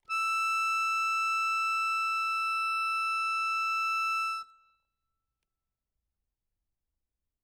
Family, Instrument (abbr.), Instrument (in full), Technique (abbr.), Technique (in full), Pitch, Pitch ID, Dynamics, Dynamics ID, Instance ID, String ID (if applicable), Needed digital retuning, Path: Keyboards, Acc, Accordion, ord, ordinario, E6, 88, ff, 4, 1, , FALSE, Keyboards/Accordion/ordinario/Acc-ord-E6-ff-alt1-N.wav